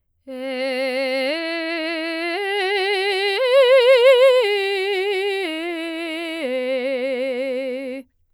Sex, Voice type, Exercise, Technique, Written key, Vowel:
female, soprano, arpeggios, slow/legato forte, C major, e